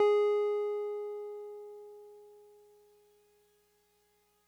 <region> pitch_keycenter=68 lokey=67 hikey=70 volume=11.799289 lovel=66 hivel=99 ampeg_attack=0.004000 ampeg_release=0.100000 sample=Electrophones/TX81Z/Piano 1/Piano 1_G#3_vl2.wav